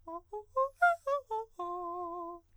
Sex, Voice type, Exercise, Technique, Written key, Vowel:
male, countertenor, arpeggios, fast/articulated piano, F major, a